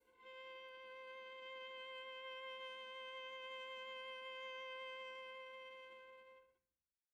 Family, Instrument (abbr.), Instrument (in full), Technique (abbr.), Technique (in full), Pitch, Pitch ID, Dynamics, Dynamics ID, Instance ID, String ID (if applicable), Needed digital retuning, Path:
Strings, Va, Viola, ord, ordinario, C5, 72, pp, 0, 1, 2, FALSE, Strings/Viola/ordinario/Va-ord-C5-pp-2c-N.wav